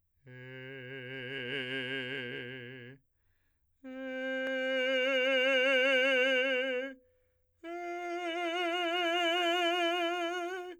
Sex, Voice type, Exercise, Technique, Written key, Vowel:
male, , long tones, messa di voce, , e